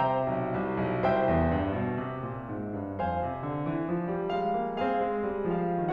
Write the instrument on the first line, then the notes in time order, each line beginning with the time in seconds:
piano
0.01 C3 C5 E5 G5 A#5
0.26 B1
0.53 C2
0.84 B1
1.06 C2 C5 E5 G5
1.29 E2
1.54 G2
1.81 B2
2.07 C3
2.28 A#2
2.50 G#2
2.79 G2
3.01 F2 F5 G#5
3.23 C3
3.45 D3
3.65 E3
3.88 F3
4.12 G3
4.39 G#3 F5
4.67 A#3
4.89 C4 G#4 C5 F5
5.11 G#3
5.42 G3
5.68 F3 F5